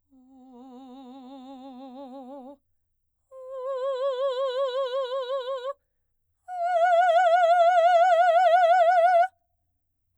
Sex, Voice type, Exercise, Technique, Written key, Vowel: female, soprano, long tones, full voice pianissimo, , o